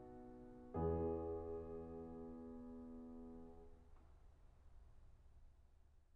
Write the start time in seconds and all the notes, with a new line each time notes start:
0.00 E3 B3 E4 G#4